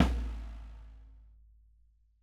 <region> pitch_keycenter=64 lokey=64 hikey=64 volume=7.830830 lovel=100 hivel=127 seq_position=2 seq_length=2 ampeg_attack=0.004000 ampeg_release=30.000000 sample=Membranophones/Struck Membranophones/Snare Drum, Rope Tension/Low/RopeSnare_low_sn_Main_vl3_rr1.wav